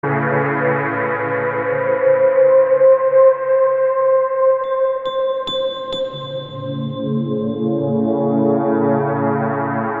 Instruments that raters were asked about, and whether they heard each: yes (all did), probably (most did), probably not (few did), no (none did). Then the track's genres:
flute: no
banjo: no
Electronic; Ambient